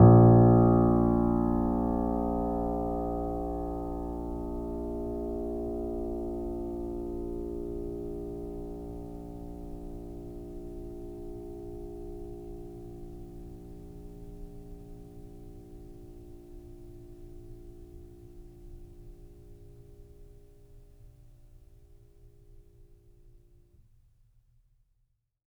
<region> pitch_keycenter=34 lokey=34 hikey=35 volume=-0.731590 lovel=0 hivel=65 locc64=0 hicc64=64 ampeg_attack=0.004000 ampeg_release=0.400000 sample=Chordophones/Zithers/Grand Piano, Steinway B/NoSus/Piano_NoSus_Close_A#1_vl2_rr1.wav